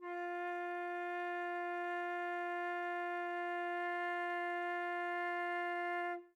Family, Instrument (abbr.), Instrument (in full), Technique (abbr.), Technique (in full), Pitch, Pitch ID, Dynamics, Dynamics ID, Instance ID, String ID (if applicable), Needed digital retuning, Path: Winds, Fl, Flute, ord, ordinario, F4, 65, mf, 2, 0, , FALSE, Winds/Flute/ordinario/Fl-ord-F4-mf-N-N.wav